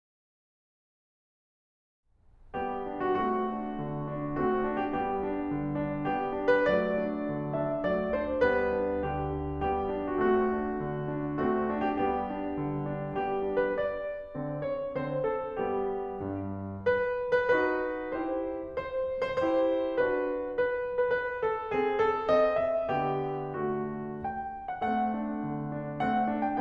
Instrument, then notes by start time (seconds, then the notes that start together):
piano
2.54 G3 B3 G4
2.87 D4
3.04 F#4
3.17 A3 C4 F#4
3.52 D4
3.78 D3
4.06 D4
4.40 A3 C4 F#4
4.69 D4
4.81 G4
4.96 G3 B3 G4
5.32 D4
5.61 D3
5.87 D4
6.06 G3 B3 G4
6.37 D4
6.50 B4
6.69 F#3 A3 D5
7.01 D4
7.34 D3
7.62 D4 E5
7.87 F#3 A3 D5
8.16 D4 C5
8.44 G3 B3 B4
8.72 D4
9.04 D3 G4
9.31 D4
9.57 G3 B3 G4
9.88 D4
10.07 F#4
10.22 A3 C4 F#4
10.46 D4
10.82 D3
11.18 D4
11.45 A3 C4 F#4
11.74 D4
11.98 G4
12.10 G3 B3 G4
12.39 D4
12.67 D3
12.91 D4
13.18 G3 B3 G4
13.48 D4
13.58 B4
13.72 D5
14.36 D3 C4
14.64 C#5
14.89 D3 C4 C5
15.20 A4
15.61 G3 B3 G4
16.17 G2
16.82 B4
17.34 B4
17.52 D#4 F#4 B4
18.13 E4 G4 C5
18.80 C5
19.27 C5
19.45 E4 G4 C5
19.99 D4 F#4 B4
20.61 B4
21.07 B4
21.21 B4
21.44 A4
21.69 C4 G#4
22.01 A4
22.31 C4 D#5
22.64 E5
22.89 D3 B3 G4
23.63 A3 F#4
24.24 G5
24.72 F#5
24.83 A3 C4 F#5
25.13 D4
25.43 D3
25.76 D4
26.02 A3 C4 F#5
26.30 D4
26.45 G5